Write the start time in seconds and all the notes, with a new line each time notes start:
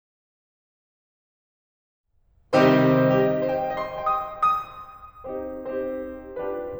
2.53 C3 D#3 G3 C4 D#4 G4 C5
3.25 G4
3.32 D#5
3.53 C5
3.59 G5
3.81 D#5
3.90 C6
4.16 G5
4.24 D#6
4.61 D#6
5.27 C4 D#4 G4 C5
5.63 C4 D#4 G4 C5
6.42 D4 F4 G4 B4